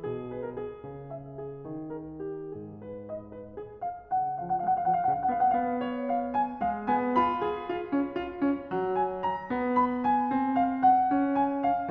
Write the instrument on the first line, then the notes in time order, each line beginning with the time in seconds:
piano
0.00 B2 G#4
0.31 B4
0.43 A#4
0.53 G#4
0.82 C#3
1.07 E5
1.39 G#4
1.66 D#3
1.94 A#4
2.21 G4
2.50 G#2 G#4
2.81 B4
3.08 D#5
3.37 B4
3.58 G#4
3.83 F5
4.08 C#3 F#5
4.21 F5
4.39 F3 F#5
4.48 F5
4.56 F#5
4.64 G#3 F5
4.73 F#5
4.81 F5
4.88 F3 F#5
4.99 F5
5.07 F#5
5.12 C#3 F5
5.22 F#5
5.31 B3 F5
5.39 F#5
5.50 F5
5.60 B3 F#5
5.70 F5
5.89 C#5
6.10 F5
6.35 G#5
6.61 G#3 F5
6.90 B3 G#5
7.19 F4 B5
7.48 G#4
7.72 F4
7.95 C#4
8.22 F4
8.45 C#4
8.70 F#3
8.96 G#5
9.28 A#5
9.52 B3
9.76 B5
10.08 G#5
10.30 C4
10.57 F5
10.84 F#5
11.11 C#4
11.35 G#5
11.63 F5